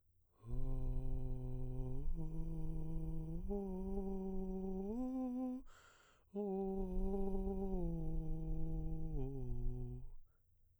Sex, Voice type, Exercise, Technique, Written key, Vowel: male, baritone, arpeggios, breathy, , u